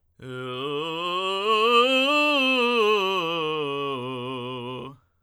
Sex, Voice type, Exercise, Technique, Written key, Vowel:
male, tenor, scales, belt, , u